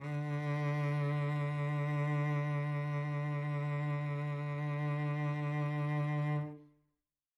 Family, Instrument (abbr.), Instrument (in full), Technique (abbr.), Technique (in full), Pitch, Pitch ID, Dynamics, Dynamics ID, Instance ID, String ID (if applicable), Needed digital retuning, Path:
Strings, Vc, Cello, ord, ordinario, D3, 50, mf, 2, 2, 3, FALSE, Strings/Violoncello/ordinario/Vc-ord-D3-mf-3c-N.wav